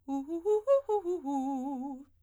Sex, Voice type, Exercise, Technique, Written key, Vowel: female, soprano, arpeggios, fast/articulated forte, C major, u